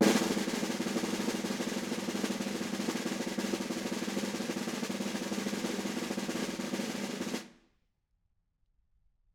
<region> pitch_keycenter=63 lokey=63 hikey=63 volume=8.790098 offset=189 lovel=66 hivel=99 ampeg_attack=0.004000 ampeg_release=0.5 sample=Membranophones/Struck Membranophones/Snare Drum, Modern 1/Snare2_rollSN_v4_rr1_Mid.wav